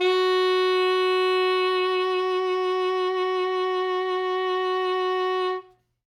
<region> pitch_keycenter=66 lokey=65 hikey=68 tune=1 volume=9.116350 ampeg_attack=0.004000 ampeg_release=0.500000 sample=Aerophones/Reed Aerophones/Saxello/Vibrato/Saxello_SusVB_MainSpirit_F#3_vl2_rr1.wav